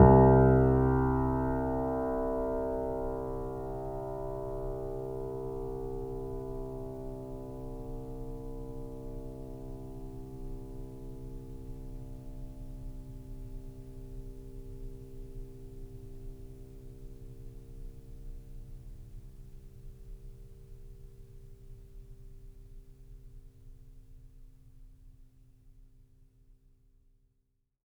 <region> pitch_keycenter=36 lokey=36 hikey=37 volume=0.971415 lovel=0 hivel=65 locc64=0 hicc64=64 ampeg_attack=0.004000 ampeg_release=0.400000 sample=Chordophones/Zithers/Grand Piano, Steinway B/NoSus/Piano_NoSus_Close_C2_vl2_rr1.wav